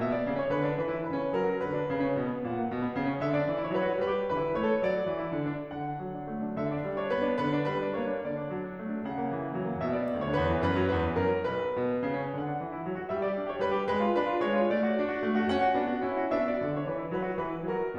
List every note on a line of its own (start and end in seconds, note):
0.01 0.14 B2
0.01 0.07 E5
0.07 0.42 D5
0.14 0.26 B3
0.26 0.42 C#3
0.42 0.53 C#4
0.42 0.53 C#5
0.53 0.63 D3
0.53 0.78 B4
0.64 0.78 D4
0.78 0.89 E3
0.78 1.02 B4
0.89 1.02 E4
1.03 1.14 C#3
1.03 1.39 B4
1.14 1.39 C#4
1.39 1.52 F#3
1.39 1.63 A#4
1.52 1.63 F#4
1.63 1.73 D3
1.63 2.46 B4
1.75 1.89 D4
1.89 2.08 C#3
2.08 2.18 C#4
2.18 2.29 B2
2.29 2.46 B3
2.51 2.65 A#2
2.51 3.24 F#5
2.65 2.75 A#3
2.75 2.84 B2
2.84 2.96 B3
2.96 3.10 C#3
3.10 3.24 C#4
3.24 3.40 D3
3.24 3.30 E5
3.33 3.62 D5
3.40 3.52 D4
3.53 3.62 E3
3.62 3.70 E4
3.62 3.70 C#5
3.70 3.80 F#3
3.70 3.94 B4
3.80 3.94 F#4
3.94 4.09 G3
3.94 4.27 B4
4.11 4.27 G4
4.27 4.39 E3
4.27 4.53 B4
4.39 4.53 E4
4.53 4.71 A3
4.53 4.82 C#5
4.71 4.82 A4
4.82 4.92 F#3
4.82 5.75 D5
4.92 5.07 F#4
5.07 5.18 E3
5.19 5.31 E4
5.31 5.56 D3
5.56 5.75 D4
5.75 5.90 D3
5.75 6.65 F#5
5.90 6.00 D4
6.03 6.26 F#3
6.26 6.44 D4
6.44 6.54 A3
6.54 6.65 D4
6.65 6.75 D3
6.65 6.70 E5
6.70 6.95 D5
6.76 6.85 D4
6.85 6.95 G3
6.95 7.06 D4
6.95 7.06 C#5
7.06 7.27 B3
7.06 7.41 B4
7.27 7.41 D4
7.41 7.56 D3
7.41 7.67 B4
7.56 7.67 D4
7.67 7.81 G3
7.67 7.95 B4
7.83 7.95 D4
7.95 8.12 A#3
7.95 8.22 C#5
8.12 8.22 D4
8.22 8.34 D3
8.22 9.06 D5
8.34 8.49 D4
8.56 8.70 F#3
8.70 8.80 D4
8.80 8.93 A3
8.93 9.06 D4
9.06 9.17 C#3
9.06 9.80 F#5
9.17 9.28 A#3
9.28 9.42 E3
9.42 9.53 A#3
9.56 9.68 F#3
9.68 9.80 A#3
9.80 9.89 B2
9.80 9.85 E5
9.85 10.26 D5
9.89 10.11 B3
10.11 10.26 D2
10.27 10.39 D3
10.27 10.39 C#5
10.39 10.53 E2
10.39 10.67 B4
10.53 10.67 E3
10.67 10.81 F#2
10.67 10.94 B4
10.81 10.94 F#3
10.95 11.05 E2
10.95 11.17 B4
11.05 11.17 E3
11.17 11.35 F#2
11.17 11.48 A#4
11.37 11.48 F#3
11.48 11.58 C#2
11.48 12.41 B4
11.58 11.76 B2
11.76 11.91 B2
11.91 12.03 B3
12.04 12.28 C#3
12.28 12.41 C#4
12.41 12.57 D3
12.41 13.10 F#5
12.57 12.68 D4
12.68 12.77 E3
12.78 12.88 E4
12.88 12.98 F#3
12.98 13.10 F#4
13.10 13.22 G3
13.10 13.17 E5
13.17 13.51 D5
13.22 13.42 G4
13.42 13.51 D4
13.51 13.64 G4
13.51 13.64 C#5
13.64 13.76 G3
13.64 13.89 B4
13.78 13.89 G4
13.89 14.05 G#3
13.89 14.20 B4
14.05 14.20 F4
14.20 14.30 D4
14.20 14.41 B4
14.30 14.41 F4
14.42 14.57 G#3
14.42 14.71 C#5
14.57 14.71 F4
14.71 14.81 A3
14.71 15.41 D5
14.81 14.95 F#4
14.95 15.09 D4
15.09 15.21 F#4
15.21 15.33 A3
15.33 15.41 F#4
15.42 15.51 A#3
15.42 15.51 C#4
15.42 16.32 F#5
15.51 15.73 F#4
15.73 15.85 B3
15.73 15.85 D4
15.85 16.00 F#4
16.00 16.11 C#4
16.00 16.11 E4
16.13 16.32 F#4
16.32 16.57 B3
16.32 16.57 D4
16.32 16.44 E5
16.45 16.76 D5
16.57 16.65 F#4
16.65 16.76 D3
16.76 16.85 D4
16.76 16.85 C#5
16.87 17.02 E3
16.87 17.17 B4
17.02 17.17 E4
17.17 17.28 F#3
17.17 17.43 B4
17.28 17.43 F#4
17.43 17.52 E3
17.43 17.64 B4
17.53 17.64 E4
17.65 17.75 F#3
17.65 17.98 A#4
17.75 17.98 F#4